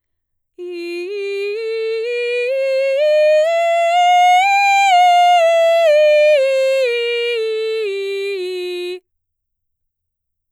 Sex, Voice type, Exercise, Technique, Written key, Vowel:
female, mezzo-soprano, scales, slow/legato forte, F major, i